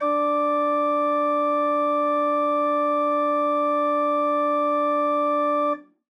<region> pitch_keycenter=62 lokey=62 hikey=63 volume=5.201705 ampeg_attack=0.004000 ampeg_release=0.300000 amp_veltrack=0 sample=Aerophones/Edge-blown Aerophones/Renaissance Organ/Full/RenOrgan_Full_Room_D3_rr1.wav